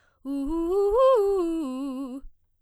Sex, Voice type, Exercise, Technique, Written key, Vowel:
female, soprano, arpeggios, fast/articulated forte, C major, u